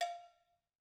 <region> pitch_keycenter=62 lokey=62 hikey=62 volume=11.418282 offset=216 lovel=0 hivel=83 ampeg_attack=0.004000 ampeg_release=15.000000 sample=Idiophones/Struck Idiophones/Cowbells/Cowbell1_Normal_v2_rr1_Mid.wav